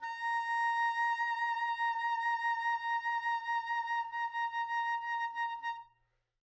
<region> pitch_keycenter=82 lokey=82 hikey=83 tune=3 volume=16.746317 ampeg_attack=0.004000 ampeg_release=0.500000 sample=Aerophones/Reed Aerophones/Tenor Saxophone/Vibrato/Tenor_Vib_Main_A#4_var2.wav